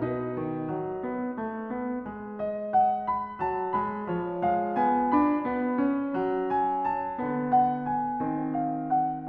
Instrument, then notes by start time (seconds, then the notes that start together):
piano
0.00 B2 D#4 B4
0.36 D#3
0.72 F#3
1.06 B3
1.38 A3
1.71 B3
2.08 G#3
2.40 D#5
2.67 F#5
3.13 B5
3.48 F#3 A5
3.76 G#3 B5
4.10 F3 C#5
4.44 G#3 F5
4.78 B3 G#5
5.14 D4 B5
5.46 B3
5.74 C#4
6.16 F#3
6.47 G#5
6.93 A5
7.20 D3 B3
7.55 F#5
7.87 G#5
8.21 D#3 C4
8.57 F5
8.84 F#5